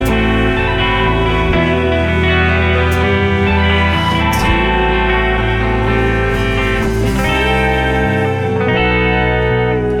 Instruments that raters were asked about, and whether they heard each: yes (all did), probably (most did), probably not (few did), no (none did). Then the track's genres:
guitar: yes
synthesizer: no
Pop